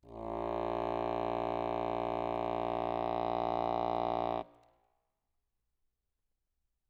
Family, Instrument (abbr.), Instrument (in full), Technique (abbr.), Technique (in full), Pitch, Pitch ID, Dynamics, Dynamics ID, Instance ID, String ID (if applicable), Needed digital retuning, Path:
Keyboards, Acc, Accordion, ord, ordinario, A#1, 34, ff, 4, 0, , TRUE, Keyboards/Accordion/ordinario/Acc-ord-A#1-ff-N-T12u.wav